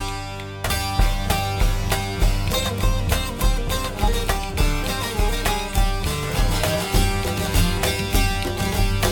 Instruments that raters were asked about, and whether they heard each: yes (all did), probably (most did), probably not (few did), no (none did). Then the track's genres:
banjo: probably not
mandolin: probably
International; Middle East; Turkish